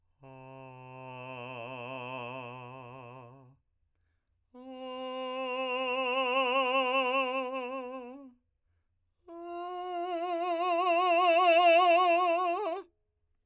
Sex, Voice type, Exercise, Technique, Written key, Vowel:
male, , long tones, messa di voce, , a